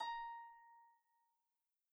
<region> pitch_keycenter=82 lokey=82 hikey=83 tune=1 volume=15.124669 xfout_lovel=70 xfout_hivel=100 ampeg_attack=0.004000 ampeg_release=30.000000 sample=Chordophones/Composite Chordophones/Folk Harp/Harp_Normal_A#4_v2_RR1.wav